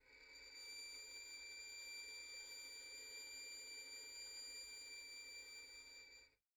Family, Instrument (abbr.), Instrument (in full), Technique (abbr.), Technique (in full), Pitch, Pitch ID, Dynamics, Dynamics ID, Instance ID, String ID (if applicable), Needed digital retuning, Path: Strings, Vn, Violin, ord, ordinario, D7, 98, pp, 0, 0, 1, TRUE, Strings/Violin/ordinario/Vn-ord-D7-pp-1c-T17d.wav